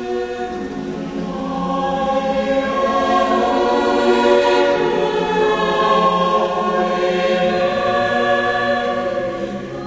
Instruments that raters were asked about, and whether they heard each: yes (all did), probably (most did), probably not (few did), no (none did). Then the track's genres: voice: yes
cymbals: no
Classical